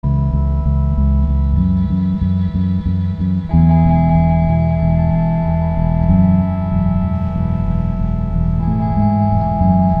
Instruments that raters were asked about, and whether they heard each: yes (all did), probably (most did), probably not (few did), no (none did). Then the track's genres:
bass: yes
organ: probably
Rock; Noise; Experimental